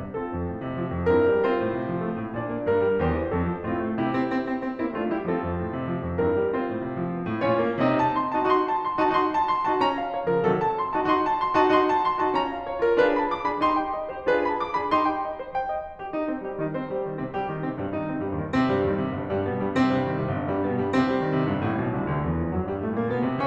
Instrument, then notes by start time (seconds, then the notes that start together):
piano
0.00 C3
0.16 C4 F4 A4
0.34 F2
0.52 A2
0.65 C3
0.80 F3
0.96 F2
1.13 G2 C4 E4 A#4
1.28 G3
1.46 C4 F4 C5
1.61 A2
1.78 C3
1.90 F3
2.05 A3
2.17 A2
2.38 A#2 D4 D5
2.54 A#3
2.71 G2 A#4
2.91 G3
3.03 E2 G4 C5
3.17 E3
3.32 F2 C4 A4
3.52 F3
3.70 A2 C4 F4
3.88 A3
4.05 C3 E4 G4
4.20 C4
4.33 C4
4.43 C4
4.62 C4
4.75 A#3 C4 E4
4.92 A3 D4 F4
5.11 G3 E4 G4
5.28 C4 F4 A4
5.42 F2
5.58 A2
5.76 C3
5.91 F3
6.05 F2
6.19 G2 C4 E4 A#4
6.33 G3
6.54 C4 F4 C5
6.66 A2
6.79 C3
6.94 F3
7.12 A3
7.33 A2
7.48 A#2 C#4 F4 C#5
7.64 A#3
7.81 C3 C4 D#4 D#5
8.02 A5
8.19 C6
8.37 A5
8.45 D#4 F#4
8.51 D#4 F#4 C6
8.68 A5
8.80 C6
9.00 A5
9.13 D#4 F#4
9.23 D#4 F#4 C6
9.32 A5
9.46 C6
9.62 A5
9.71 D#4 F#4
9.79 C#4 F4 A#5
9.94 F5
10.15 C#5
10.27 A#4
10.33 C#3 F3
10.40 C3 D#3 F#3 A4
10.59 A5
10.75 C6
10.92 A5
10.98 D#4 F#4
11.06 D#4 F#4 C6
11.26 A5
11.39 C6
11.53 A5
11.60 D#4 F#4
11.68 D#4 F#4 C6
11.87 A5
12.00 C6
12.18 A5
12.28 D#4 F#4
12.34 C#4 F4 A#5
12.52 F5
12.69 C#5
12.85 A#4
12.93 C#3 F3
13.01 D4 F4 G#4 B4
13.18 B5
13.32 D6
13.47 B5
13.56 F4 G#4
13.65 D#4 G4 C6
13.80 G5
13.96 D#5
14.13 C5
14.21 D#4 G4
14.28 F4 G#4 B4
14.44 B5
14.62 D6
14.78 B5
14.86 F4 G#4
14.94 D#4 G4 C6
15.07 G5
15.20 D#5
15.37 C5
15.53 G5
15.67 D#5
15.82 C5
15.99 G4
16.10 D#4 D#5
16.27 C4 C5
16.42 G3 G4
16.57 D#3 D#4
16.74 C4 C5
16.88 G3 G4
17.07 D#3 D#4
17.23 C3 C4
17.37 G3 G4
17.50 D#3 D#4
17.62 C3 C4
17.76 G2 G3
17.91 D#3 D#4
18.08 C3 C4
18.19 G2 G3
18.33 D#2 D#3
18.48 C3 C4
18.65 G2 G3
18.80 D#2 D#3
18.96 C2 C3
19.12 G1 G2
19.32 G2 G3
19.47 B2 B3
19.60 G2 G3
19.75 C3 C4
19.93 G2 G3
20.09 D#2 D#3
20.19 C2 C3
20.34 G1 G2
20.50 G2 G3
20.64 B2 B3
20.78 G2 G3
20.94 C3 C4
21.06 G2 G3
21.21 D#2 D#3
21.37 C2 C3
21.54 G1 G2
21.65 A1 A2
21.79 B1 B2
21.93 C2 C3
22.11 D2 D3
22.28 E2 E3
22.44 F2 F3
22.55 F#2 F#3
22.69 G2 G3
22.83 A2 A3
22.96 A#2 A#3
23.13 B2 B3
23.29 C3 C4